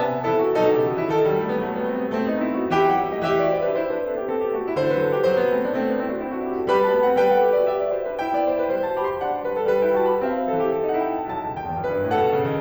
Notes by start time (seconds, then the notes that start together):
0.01 C3 B3 E5 A5
0.11 C4
0.25 C3 E3 E4 A4
0.35 F#4
0.64 B2 F#3 D#4 A4
0.75 C#3 G4
0.89 D#3 F#4
1.03 E3 E4
1.13 D#3 F3 A4
1.26 E3 G3
1.38 F#3 A3
1.49 G3 B3
1.58 F#3 A3
1.74 G3 B3
1.88 A3 C4
1.99 G3 B3
2.13 A3 C4
2.33 B3 D#4
2.51 C4 E4
2.63 D#4 F#4
2.75 E3 E4 G4 G5
2.99 F#3 F#5
3.09 G3 E5
3.23 A3 D#5
3.34 E3 G4 E5
3.45 F#4 D5
3.58 E4 C5
3.78 D4 B4
3.88 E4 C5
4.01 D4 B4
4.13 C4 A4
4.24 B3 G4
4.37 C4 A4
4.46 B3 G4
4.57 A3 F#4
4.67 G3 E4
4.77 D3 A3 C5
4.88 E3 B4
4.97 F3 A4
5.10 G3 G4
5.18 F3 A3 C5
5.32 G3 B3
5.44 A3 C4
5.57 B3 D4
5.73 A3 C4
5.89 B3 D4
6.01 C4 E4
6.11 D4 F#4
6.23 C4 E4
6.37 D4 F#4
6.47 E4 G4
6.60 F#4 A4
6.72 G3 G4 B4 B5
6.86 A3 A5
6.96 B3 G5
7.11 C4 F#5
7.25 G3 B4 G5
7.41 A4 F#5
7.56 G4 E5
7.67 F#4 D5
7.78 G4 E5
7.89 F#4 D5
8.01 E4 C5
8.13 D4 B4
8.25 E4 G5
8.38 B3 D5
8.49 A3 C5
8.61 G3 B4
8.71 A3 C5
8.83 F#4 A5
8.96 G4 B5
9.08 A4 C6
9.27 D4 F#5
9.39 A3 C5
9.48 G3 B4
9.60 F#3 A4
9.75 G3 B4
9.85 E4 G5
9.96 F#4 A5
10.08 G4 B5
10.25 C4 E5
10.41 G3 B4
10.51 F#3 A4
10.63 E3 G4
10.76 F#3 A4
10.88 D#4 F#5
11.02 E4 G5
11.19 F#4 A5
11.31 B1 A5
11.48 C#2
11.60 D#2 G5
11.73 E2
11.82 F#2 B4
11.98 G2
12.14 A2 A4 F#5
12.25 B2
12.36 C#3
12.46 D#3